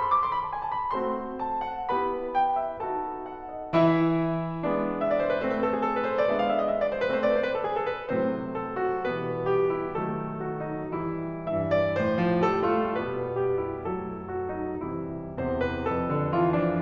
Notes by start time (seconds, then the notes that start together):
0.01 A4 C5 C6
0.11 D6
0.26 C6
0.39 B5
0.47 A5
0.57 G#5
0.68 A5
0.80 B5
0.95 A3 C4 F#4 A4 C5 C6
1.40 A5
1.62 F#5
1.94 B3 E4 G4 B4 B5
2.39 G5
2.59 E5
2.82 B3 D#4 F#4 A4 A5
3.26 F#5
3.49 D#5
3.71 E3 E4 E5
4.64 G#3 B3 D4
5.01 E5
5.10 D5
5.23 C5
5.33 B4
5.43 A3 C4 C5
5.53 B4
5.61 A4
5.72 G#4
5.82 A4
5.92 B4
6.04 C5
6.21 D5
6.31 G#3 B3 D4 E5
6.41 F5
6.50 E5
6.60 D#5
6.70 E5
6.80 D5
6.90 C5
7.00 B4
7.09 A3 C4 C5
7.20 D5
7.34 C5
7.47 B4
7.58 A4
7.77 G#4
7.89 A4
7.99 B4
8.11 A2 C3 F#3 A3 C4 C5
8.56 A4
8.79 F#4
9.10 B2 E3 G3 B3 B4
9.50 G4
9.71 E4
9.94 B2 D#3 F#3 A3 A4
10.40 F#4
10.64 D#4
10.93 E3 G3 E4
11.42 G2 E3 E5
11.71 D5
11.99 A2 C5
12.18 F3
12.43 G3 A4
12.65 A3 F4
12.93 B2 G3 B3 B4
13.38 G4
13.62 E4
13.87 F#3 A3 A4
14.32 F#4
14.52 D#4
14.87 C3 E3 G3 E4
15.39 E2 C3 C5
15.61 B4
15.85 F2 A4
16.11 D3
16.33 E3 F4
16.61 F3 D4